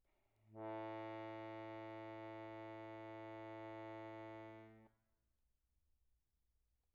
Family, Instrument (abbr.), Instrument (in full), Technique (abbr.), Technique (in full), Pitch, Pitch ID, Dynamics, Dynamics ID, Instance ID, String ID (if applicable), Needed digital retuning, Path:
Keyboards, Acc, Accordion, ord, ordinario, A2, 45, pp, 0, 0, , FALSE, Keyboards/Accordion/ordinario/Acc-ord-A2-pp-N-N.wav